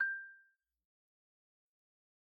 <region> pitch_keycenter=79 lokey=76 hikey=81 volume=12.426577 lovel=0 hivel=83 ampeg_attack=0.004000 ampeg_release=15.000000 sample=Idiophones/Struck Idiophones/Xylophone/Soft Mallets/Xylo_Soft_G5_pp_01_far.wav